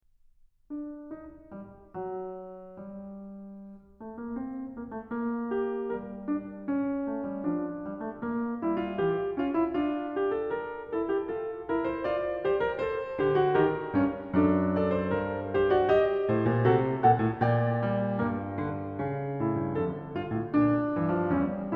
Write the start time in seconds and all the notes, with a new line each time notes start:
0.02 D4
1.09 D#4
1.43 G3
1.91 F#3
2.81 G3
4.05 A3
4.21 A#3
4.43 C4
4.76 A#3
4.93 A3
5.12 A#3
5.51 G4
5.96 G3 A#4
6.30 D4
6.65 C#4
7.09 A3
7.26 G3
7.44 F3 D4
7.78 G3
7.94 A3
8.23 A#3
8.64 G3 E4
8.78 F4
8.95 E3 G4
9.33 C#4 F4
9.48 E4
9.72 D4 F4
10.16 G4
10.32 A4
10.51 A#4
10.96 E4 A4
11.13 G4
11.30 F4 A4
11.64 E4 A#4
11.88 C5
12.07 F4 D5
12.45 G4 C5
12.62 A#4
12.78 A4 C5
13.21 D3 G4
13.44 F#4
13.57 D#3 G4 A#4
13.92 G2 C#4
14.37 F#2 D4 A4
14.71 A4 D5
14.93 C5
15.12 G2 A#4
15.51 G4 C5
15.73 F#4 D5
15.89 G4 D#5
16.29 A2 C5
16.46 A#2
16.64 C3 F#4 A4
17.02 A#2 A4 F#5
17.21 A2
17.40 A#2 D5 G5
17.86 A3
18.17 G2 A#3
18.56 D3
19.02 C#3
19.42 A2 E4
19.59 G2
19.76 F2 D3 A4
20.14 G2 F4
20.31 A2
20.49 A#2 D4
20.89 G2 E3
21.16 F3
21.32 E2 G3 C#4